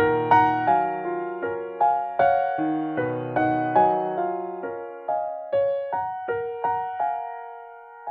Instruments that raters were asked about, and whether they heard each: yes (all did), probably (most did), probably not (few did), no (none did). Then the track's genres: mallet percussion: no
organ: probably not
piano: yes
guitar: no
Classical